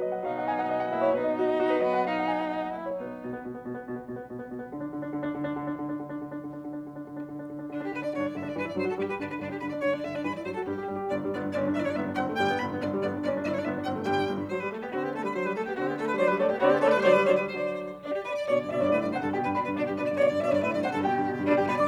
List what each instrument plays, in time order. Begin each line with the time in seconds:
0.00 piano F#3 D#5
0.12 piano F#5
0.22 piano B2 F#3 B3 F5, violin D#4
0.35 piano F#5
0.46 piano G#5
0.60 piano F#5
0.71 piano D#5
0.80 piano F#5
0.91 piano A#3 E5, violin E4
1.01 piano C#5
1.13 piano B2 B3 B4, violin D#4
1.23 piano D#5
1.34 piano F#4
1.44 piano D#5
1.56 piano F#4
1.67 piano B4
1.80 piano A#3 D#5, violin E4
1.90 piano F#5
2.02 piano B2 F#3 B3 F5, violin D#4
2.15 piano F#5
2.26 piano G#5
2.38 piano F#5
2.51 piano D#5
2.64 piano F#5
2.75 piano A#3 E5, violin E4
2.86 piano C#5
2.96 piano B2 F#3 B3 B4, violin D#4
3.08 piano B3
3.18 piano B2
3.27 piano B3
3.40 piano B2
3.52 piano B3
3.62 piano B2
3.76 piano B3
3.85 piano B2
3.98 piano B3
4.10 piano B2
4.16 piano B3
4.26 piano B2
4.39 piano B3
4.52 piano B2
4.61 piano B3
4.70 piano D3
4.81 piano D4
4.91 piano D3
5.00 piano D4
5.13 piano D3
5.25 piano D4
5.34 piano D3
5.48 piano D4
5.57 piano D3
5.68 piano D4
5.75 piano D3
5.85 piano D4
5.96 piano D3
6.07 piano D4
6.18 piano D3
6.25 piano D4
6.36 piano D3
6.47 piano D4
6.59 piano D3
6.70 piano D4
6.82 piano D3
6.93 piano D4
7.04 piano D3
7.14 piano D4
7.22 piano D3
7.31 piano D4
7.44 piano D3
7.56 piano D4
7.66 piano D3, violin D4
7.79 piano D4, violin G4
7.91 piano D3, violin B4
8.01 piano D4, violin D5
8.10 piano G2 D3, violin C#5
8.22 piano D4, violin D5
8.34 piano G2 D3, violin E5
8.44 piano D4, violin D5
8.53 piano G2 E3, violin B4
8.64 piano E4, violin D5
8.77 piano G2 F#3, violin C5
8.87 piano F#4, violin A4
8.95 piano G2 G3, violin G4
9.06 piano G4, violin B4
9.17 piano G2 D3, violin D4
9.28 piano D4, violin B4
9.36 piano G2 D3, violin D4
9.46 piano D4, violin G4
9.58 piano G2 D3, violin B4
9.68 piano D4, violin D5
9.75 piano G2 D3, violin C#5
9.85 piano D4, violin D5
9.95 piano G2 D3, violin E5
10.07 piano D4, violin D5
10.17 piano G2 E3, violin B4
10.26 piano E4, violin D5
10.39 piano G2 F#3, violin C5
10.51 piano F#4, violin A4
10.62 piano G2 G3, violin G4
10.75 piano G4
10.86 piano G2 G3
10.99 piano G4
11.12 piano G1 D3, violin D5
11.26 piano G2 G3
11.37 piano G1 B3, violin D5
11.47 piano G2 D4
11.58 piano G1 C#4, violin D5
11.68 piano G2 D4
11.77 piano G1 E4, violin D5 E5
11.83 piano G2 D4, violin C#5 D5
11.92 violin D5
11.97 piano G1 B3, violin E5
12.07 piano G2 D4
12.18 piano G1 C4, violin F#5
12.27 piano G2 A3
12.39 piano G1 G3, violin G5
12.50 piano G2 B3
12.62 piano G1 D3, violin B5
12.74 piano G2 B3
12.83 piano G1 D3, violin D5
12.95 piano G2 G3
13.05 piano G1 B3, violin D5
13.17 piano G2 D4
13.27 piano G1 C#4, violin D5
13.37 piano G2 D4
13.48 piano G1 E4, violin D5 E5
13.55 piano G2 D4, violin C#5 D5
13.62 violin D5
13.66 piano G1 B3, violin E5
13.77 piano G2 D4
13.86 piano G1 C4, violin F#5
13.97 piano G2 A3
14.06 piano G1 G3, violin G5
14.18 piano G2
14.29 piano G1
14.40 piano G2
14.50 piano F#3, violin C5
14.61 piano G3, violin B4
14.71 piano A3, violin A4
14.84 piano B3, violin G4
14.93 piano D3 C4, violin F#4
15.03 piano B3, violin G4
15.13 piano A3, violin A4
15.24 piano G3, violin B4
15.35 piano F#3, violin C5
15.45 piano G3, violin B4
15.56 piano A3, violin A4
15.67 piano B3, violin G4
15.79 piano D3 C4, violin F#4
15.89 piano B3, violin G4
16.00 piano A3, violin A4
16.09 piano G3, violin B4
16.15 piano C#5
16.21 piano F#3 D5, violin C5
16.31 piano G3, violin B4
16.37 piano C#5
16.42 piano A3 D5, violin A4
16.50 piano B3, violin G4
16.56 piano C#5
16.61 piano D3 C4 D5, violin F#4
16.72 piano B3, violin G4
16.78 piano C#5
16.83 piano A3 D5, violin A4
16.94 piano G3, violin B4
16.99 piano C#5
17.04 piano D3 F#3 D5, violin C5
17.16 piano G3, violin B4
17.23 piano C#5
17.28 piano D3 F#3 D5, violin C5
17.44 piano G3, violin B4
17.51 piano C#5
17.57 piano D3 F#3 D5, violin C5
18.05 violin D4, piano D5
18.16 violin G4
18.26 violin B4, piano D5
18.38 violin D5
18.49 piano B2 D3 D5, violin C#5
18.60 piano G2, violin D5
18.70 piano B2 D3 D5 E5, violin E5
18.77 piano G2 C#5 D5, violin D5
18.87 piano D5
18.92 piano B2 D3 E5, violin B4
19.04 piano G2, violin D5
19.14 piano C3 D3 F#5, violin C5
19.26 piano G2, violin A4
19.37 piano B2 D3 G5, violin G4
19.48 piano G2, violin B4
19.59 piano B2 D3 B5, violin D4
19.69 piano G2, violin B4
19.80 piano B2 D3 D5, violin D4
19.90 piano G2, violin G4
20.00 piano B2 D3 D5, violin B4
20.09 piano G2, violin D5
20.19 piano B2 D3 D5, violin C#5
20.29 piano G2, violin D5
20.41 piano B2 D3 D5 E5, violin E5
20.48 piano G2 C#5 D5, violin D5
20.58 piano D5
20.63 piano B2 D3 E5, violin B4
20.72 piano G2, violin D5
20.83 piano C3 D3 F#5, violin C5
20.93 piano G2, violin A4
21.04 piano B2 D3 G5, violin G4
21.15 piano G2
21.25 piano B2 D3
21.35 piano G2
21.46 piano B2 D3 D5, violin D4
21.56 piano G2 G5, violin G4
21.66 piano B2 D3 B5, violin B4
21.77 piano G2 D6, violin D5